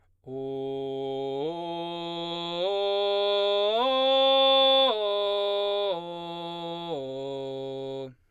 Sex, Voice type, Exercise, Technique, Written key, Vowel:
male, baritone, arpeggios, belt, , o